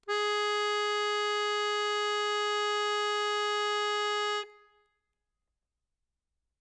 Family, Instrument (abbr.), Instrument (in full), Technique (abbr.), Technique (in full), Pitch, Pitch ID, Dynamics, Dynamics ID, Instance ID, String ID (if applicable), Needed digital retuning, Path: Keyboards, Acc, Accordion, ord, ordinario, G#4, 68, ff, 4, 2, , FALSE, Keyboards/Accordion/ordinario/Acc-ord-G#4-ff-alt2-N.wav